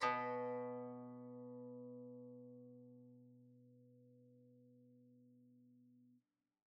<region> pitch_keycenter=47 lokey=47 hikey=48 volume=12.783462 offset=57 lovel=0 hivel=65 ampeg_attack=0.004000 ampeg_release=0.300000 sample=Chordophones/Zithers/Dan Tranh/Normal/B1_mf_1.wav